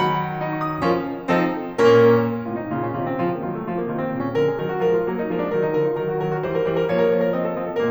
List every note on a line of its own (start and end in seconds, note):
0.01 0.83 D#3
0.01 0.42 F#3
0.01 0.83 F#5
0.01 0.62 B5
0.44 0.83 D#4
0.62 0.73 C#6
0.74 0.83 D#6
0.84 1.29 F3
0.84 1.29 C#4
0.84 1.29 F4
0.84 1.29 A#4
1.31 1.78 F3
1.31 1.78 C4
1.31 1.78 D#4
1.31 1.78 A4
1.79 2.33 A#2
1.79 2.33 A#3
1.79 2.33 C#4
1.79 2.33 A#4
2.34 2.55 A2
2.34 2.55 C3
2.34 2.55 F4
2.44 2.64 D#4
2.56 2.72 A#2
2.56 2.72 C#3
2.56 2.72 F4
2.64 2.83 C#4
2.73 2.97 C3
2.73 2.97 D#3
2.73 2.97 F4
2.84 3.11 C4
2.97 3.23 C#3
2.97 3.23 F3
2.97 3.23 F4
3.12 3.33 A#3
3.24 3.45 D#3
3.24 3.45 F#3
3.24 3.45 F4
3.34 3.57 A3
3.45 3.67 C#3
3.45 3.67 F3
3.45 3.67 F4
3.58 3.84 A#3
3.69 3.96 C3
3.69 3.96 D#3
3.69 3.96 F4
3.84 4.06 C4
3.98 4.29 A#2
3.98 4.29 C#3
3.98 4.29 F4
4.07 4.38 C#4
4.30 4.48 D3
4.30 4.48 F3
4.30 4.48 A#4
4.38 4.57 G#4
4.49 4.66 D#3
4.49 4.66 F#3
4.49 4.66 A#4
4.58 4.79 F#4
4.66 4.89 F3
4.66 4.89 G#3
4.66 4.89 A#4
4.81 5.00 F4
4.91 5.16 F#3
4.91 5.16 A#3
4.91 5.16 A#4
5.01 5.25 D#4
5.16 5.35 G#3
5.16 5.35 B3
5.16 5.35 A#4
5.27 5.45 D4
5.36 5.64 F#3
5.36 5.64 A#3
5.36 5.64 A#4
5.45 5.75 D#4
5.66 5.86 F3
5.66 5.86 G#3
5.66 5.86 A#4
5.76 5.95 F4
5.87 6.04 D#3
5.87 6.04 F#3
5.87 6.04 A#4
5.95 6.16 F#4
6.05 6.30 D#3
6.05 6.30 F#3
6.05 6.30 A#4
6.17 6.44 F#4
6.30 6.54 E3
6.30 6.54 G3
6.30 6.54 C5
6.44 6.64 A#4
6.55 6.86 E3
6.55 6.86 G3
6.55 6.86 C5
6.65 6.95 A#4
6.86 7.05 F3
6.86 7.05 A#3
6.86 7.05 C#5
6.96 7.16 A#4
7.08 7.26 F3
7.08 7.26 A#3
7.08 7.26 C#5
7.17 7.35 A#4
7.26 7.46 F3
7.26 7.46 C4
7.26 7.46 D#5
7.37 7.60 A4
7.47 7.68 F3
7.47 7.68 C4
7.47 7.68 D#5
7.60 7.80 A4
7.69 7.90 A#2
7.69 7.90 A#3
7.69 7.90 A#4